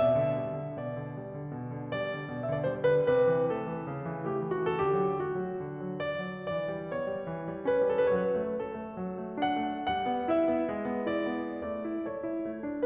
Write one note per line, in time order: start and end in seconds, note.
0.00 0.17 B2
0.00 0.74 E5
0.19 0.35 D3
0.36 0.52 G3
0.53 0.74 D3
0.75 0.99 B2
0.75 1.16 D5
0.99 1.16 D3
1.17 1.34 G3
1.34 1.49 D3
1.50 1.72 B2
1.72 1.96 D3
1.97 2.12 G3
1.97 2.52 D5
2.12 2.31 D3
2.32 2.52 B2
2.52 2.71 D3
2.52 2.60 E5
2.62 2.71 D5
2.72 2.90 G3
2.72 2.90 C5
2.90 3.08 D3
2.90 3.08 B4
3.10 3.31 C3
3.10 3.53 B4
3.31 3.53 E3
3.54 3.70 A3
3.54 4.23 A4
3.70 3.89 E3
3.90 4.08 C#3
4.08 4.23 E3
4.24 4.42 A3
4.24 4.69 G4
4.42 4.69 E3
4.70 4.96 D3
4.70 4.90 F#4
4.82 4.96 G4
4.91 5.00 A4
4.96 5.15 F#3
4.96 5.15 G4
5.17 5.36 A3
5.17 6.00 F#4
5.36 5.57 F#3
5.58 5.79 D3
5.80 6.00 F#3
6.01 6.22 B3
6.01 6.44 D5
6.25 6.44 F#3
6.46 6.70 E3
6.46 6.88 D5
6.72 6.88 G3
6.88 7.04 B3
6.88 7.65 C#5
7.05 7.22 G3
7.22 7.43 E3
7.44 7.65 G3
7.65 7.83 C#4
7.65 8.13 B4
7.84 8.13 G3
8.13 8.35 F#3
8.13 8.23 A4
8.19 8.35 B4
8.30 8.41 C#5
8.36 8.53 A3
8.36 8.53 B4
8.53 8.74 C#4
8.53 9.40 A4
8.75 8.93 A3
8.93 9.17 F#3
9.18 9.40 A3
9.40 9.68 D4
9.40 9.89 F#5
9.69 9.89 A3
9.89 10.07 G3
9.89 10.32 F#5
10.08 10.32 B3
10.32 10.48 E4
10.32 11.09 E5
10.50 10.74 B3
10.74 10.91 G#3
10.92 11.09 B3
11.09 11.31 E4
11.09 11.64 D5
11.33 11.64 B3
11.64 11.85 A3
11.64 12.07 D5
11.87 12.07 E4
12.09 12.25 A4
12.09 12.85 C#5
12.26 12.45 E4
12.46 12.63 A3
12.64 12.85 D4